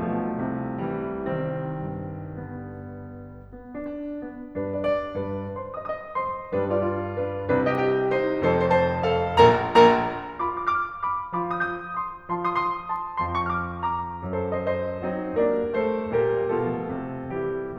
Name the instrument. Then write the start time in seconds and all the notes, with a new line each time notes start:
piano
0.00 B1 B2 F3 A3
0.37 C2 C3
0.78 E3 G3
1.24 C2 D#3 G3 C4
1.65 G2
2.09 D3 B3
3.48 B3
3.72 D4
3.80 D4
4.21 B3
4.53 G2 G3 D4 B4
4.76 B2 D5
4.85 B2 D5
5.19 G2 B4
5.57 C5 C6
5.77 D#5 D#6
5.85 D#5 D#6
6.15 C5 C6
6.52 G2 G3 D4 B4
6.73 F4 D5
6.83 F4 D5
7.14 D4 B4
7.49 C2 C3 D4 B4
7.71 G4 D#5
7.76 G4 D#5
8.13 D#4 C5
8.45 F1 A4 C5
8.67 C5 A5
8.73 C5 A5
9.08 F2 F3 A4 F5
9.39 A#1 A#2 A#4 A#5
9.76 A#1 A#2 A#4 A#5
10.40 F4 F5 B5 D6
10.62 D6 F6
10.72 D6 F6
11.04 B5 D6
11.40 F3 F4 B5 D6
11.60 D#6 G6
11.67 D#6 G6
11.95 C6 D#6
12.29 F3 F4 A5 C6
12.52 C6 D#6
12.60 C6 D#6
12.92 A5 C6
13.26 F2 F3 A5 C6
13.47 C#6 F6
13.55 D6 F6
13.83 A#5 D6
14.19 F#2 F#3 A4 C5
14.47 C5 D#5
14.57 C5 D#5
15.05 F#3 C4 D#4
15.37 G3 A#3 D4 A#4 D5
15.72 A3 C4 A4 C5
16.14 G3 A#3 G4 A#4
16.51 B2 F3 A3 F4 A4
16.87 C3
17.37 E3 G3 E4 G4